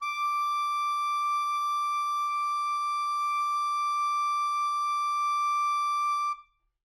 <region> pitch_keycenter=86 lokey=86 hikey=87 volume=14.486302 offset=194 lovel=0 hivel=83 ampeg_attack=0.004000 ampeg_release=0.500000 sample=Aerophones/Reed Aerophones/Tenor Saxophone/Non-Vibrato/Tenor_NV_Main_D5_vl2_rr1.wav